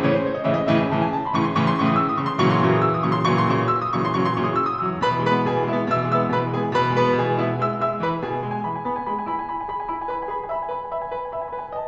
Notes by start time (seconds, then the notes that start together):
0.01 A2 C#3 E3 C#5
0.11 C5
0.27 C#5
0.38 D#5
0.46 A2 C#3 E3 E5
0.55 D#5
0.66 A2 C#3 E3 E5
0.76 G#5
0.97 A2 C#3 E3 A5
1.09 G#5
1.18 A5
1.27 C6
1.36 A2 C#3 E3 C#6
1.43 C6
1.52 A2 C#3 E3 C#6
1.62 D#6
1.72 A2 C#3 E3 E6
1.81 D#6
1.91 E6
1.98 D#6
2.07 A2 C#3 E3 C#6
2.19 C6
2.29 A#2 C#3 E3 F#3 C#6
2.39 C6
2.48 A#2 C#3 E3 F#3 C#6
2.55 D#6
2.63 D#6 E6
2.73 A#2 C#3 E3 F#3 C#6
2.83 C6
2.91 A#2 C#3 E3 F#3 C#6
2.99 C6
3.09 A#2 C#3 E3 F#3 C#6
3.18 D#6 E6
3.26 D#6
3.31 A#2 C#3 E3 F#3 C#6
3.41 C6
3.50 A#2 C#3 E3 F#3 C#6
3.55 C6
3.60 A#2 C#3 E3 F#3 C#6
3.71 D#6
3.77 E6
3.85 D#6
3.95 A#2 C#3 E3 F#3 C#6
4.05 C6
4.14 A#2 C#3 E3 F#3 C#6
4.30 C6
4.41 A#2 C#3 E3 F#3 C#6
4.50 D#6
4.61 E6
4.71 D#6
4.84 A#2 C#3 E3 F#3 E6
4.93 C6
5.02 B2 B4 B5
5.13 E3
5.24 G#3 B4 B5
5.35 B3
5.46 B2 G#4 G#5
5.57 E3
5.67 G#3 E4 E5
5.78 B3
5.92 B2 E5 E6
6.04 E3
6.14 G#3 E5 E6
6.24 B3
6.33 B2 B4 B5
6.43 E3
6.53 G#3 G#4 G#5
6.62 B3
6.73 B2 B4 B5
6.83 E3
6.94 G#3 B4 B5
7.05 B3
7.17 B2 G#4 G#5
7.27 E3
7.38 G#3 E4 E5
7.48 B3
7.60 G#3 E5 E6
7.80 G#3 E5 E6
7.99 E3 B4 B5
8.18 B2 G#4 G#5
8.36 B3 G#5
8.47 G#3 B5
8.59 G#5
8.69 E4 B5
8.82 G#5
8.91 B3 B5
8.99 G#5
9.11 G#4 B5
9.20 G#5
9.29 E4 B5
9.39 G#5
9.49 B4 B5
9.60 G#5
9.67 G#4 B5
9.77 G#5
9.87 E5 B5
9.99 G#5
10.13 B4 B5
10.29 G#5
10.48 E5 B5
10.61 G#5
10.70 B4 B5
10.80 G#5
10.92 E5 B5
11.04 G#5
11.13 B4 B5
11.22 G#5
11.30 E5 B5
11.38 G#5
11.48 B4 B5
11.57 G#5
11.67 D#5
11.79 A5